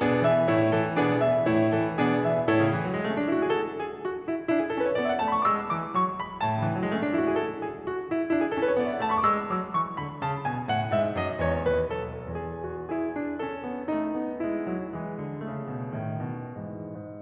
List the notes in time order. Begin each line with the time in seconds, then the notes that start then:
0.00 B2 B3 D4 G#4 D5
0.23 E3 E5
0.51 A2 A3 E4 C#5
0.74 E3 A4
0.99 B2 B3 D4 G#4 D5
1.24 E3 E5
1.51 A2 A3 E4 C#5
1.75 E3 A4
1.97 B2 B3 D4 G#4 D5
2.25 E3 E5
2.51 A2 E4 A4 C#5
2.60 C#3
2.68 D3
2.76 E3
2.86 F#3
2.94 G#3
3.01 A3
3.12 C#4
3.19 D4
3.26 E4
3.34 F#4
3.45 G#4
3.54 A4
3.76 G#4
4.11 F#4
4.28 E4
4.53 D4 E4
4.60 G#4
4.71 A4
4.82 C#4 B4
4.90 C#5
4.99 D5
5.07 B3 E5
5.13 G#5
5.20 A5
5.32 A3 B5
5.39 C#6
5.45 D6
5.51 G#3 E6
5.70 E3 D6
5.99 F#3 C#6
6.22 G#3 B5
6.44 A2 A5
6.58 C#3
6.65 D3
6.72 E3
6.79 F#3
6.86 G#3
6.93 A3
6.99 C#4
7.05 D4
7.13 E4
7.21 F#4
7.30 G#4
7.37 A4
7.62 G#4
7.88 F#4
8.08 E4
8.31 D4 E4
8.42 G#4
8.48 A4
8.60 C#4 B4
8.68 C#5
8.78 D5
8.84 B3 E5
8.90 G#5
8.97 A5
9.04 A3 B5
9.10 C#6
9.18 D6
9.25 G#3 E6
9.53 F#3 D6
9.74 E3 C#6
9.95 D3 B5
10.22 C#3 A5
10.46 B2 G#5
10.70 A2 F#5
10.96 G#2 E5
11.26 F#2 D#5
11.46 E2 C#5
11.67 D#2 B4
11.95 C2 A4
12.16 E2 G#4
12.63 F#4
12.89 E4 G#4
13.08 D4
13.34 C#4 A4
13.57 B3
13.84 A3 D#4
14.08 B3
14.45 G#3 E4
14.71 F#3
14.97 E3 G#3
15.20 D3
15.43 C#3 A3
15.67 B2
15.89 A2 D#3
16.16 B2
16.54 G#2 E3
16.80 G#2